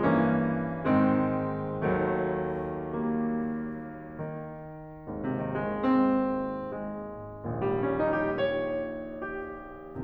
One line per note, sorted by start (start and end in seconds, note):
0.01 0.85 G2
0.01 0.85 E3
0.01 0.85 A#3
0.01 0.85 C#4
0.86 1.92 G#2
0.86 1.92 D#3
0.86 1.92 G#3
0.86 1.92 C4
1.98 4.20 D#2
1.98 4.20 D#3
1.98 2.99 F#3
1.98 2.99 A3
3.00 3.41 G3
3.00 3.41 A#3
4.21 5.20 D#3
5.03 7.44 G#1
5.03 7.44 D#2
5.03 7.44 G#2
5.21 5.38 C3
5.40 5.61 D#3
5.63 5.86 G#3
5.88 6.73 C4
6.74 7.44 G#3
7.45 10.03 A#1
7.45 10.03 D#2
7.45 10.03 A#2
7.45 7.63 G3
7.65 7.88 C#4
7.92 8.09 D#4
8.10 8.30 G4
8.33 9.22 C#5
9.24 10.03 G4